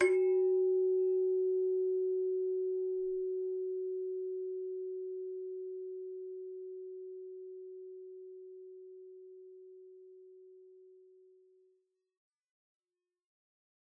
<region> pitch_keycenter=66 lokey=66 hikey=67 tune=-2 volume=14.311850 ampeg_attack=0.004000 ampeg_release=30.000000 sample=Idiophones/Struck Idiophones/Hand Chimes/sus_F#3_r01_main.wav